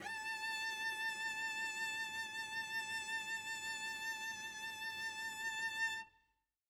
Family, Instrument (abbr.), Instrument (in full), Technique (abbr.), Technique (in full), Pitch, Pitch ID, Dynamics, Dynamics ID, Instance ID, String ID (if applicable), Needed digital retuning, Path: Strings, Vc, Cello, ord, ordinario, A5, 81, mf, 2, 0, 1, FALSE, Strings/Violoncello/ordinario/Vc-ord-A5-mf-1c-N.wav